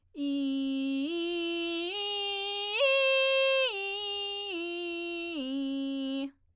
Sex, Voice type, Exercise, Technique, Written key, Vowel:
female, soprano, arpeggios, belt, , i